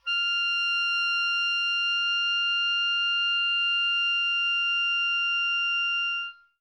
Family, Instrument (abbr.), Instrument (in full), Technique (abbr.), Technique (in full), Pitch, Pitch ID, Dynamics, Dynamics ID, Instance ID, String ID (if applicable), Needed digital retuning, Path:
Winds, Ob, Oboe, ord, ordinario, F6, 89, mf, 2, 0, , FALSE, Winds/Oboe/ordinario/Ob-ord-F6-mf-N-N.wav